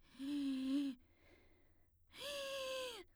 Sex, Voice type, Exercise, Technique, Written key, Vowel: female, soprano, long tones, inhaled singing, , i